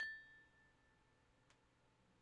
<region> pitch_keycenter=81 lokey=81 hikey=82 tune=34 volume=30.042898 lovel=0 hivel=65 ampeg_attack=0.004000 ampeg_decay=1.5 ampeg_sustain=0.0 ampeg_release=30.000000 sample=Idiophones/Struck Idiophones/Tubular Glockenspiel/A0_quiet1.wav